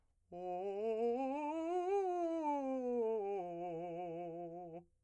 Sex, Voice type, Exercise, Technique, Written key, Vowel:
male, , scales, fast/articulated piano, F major, o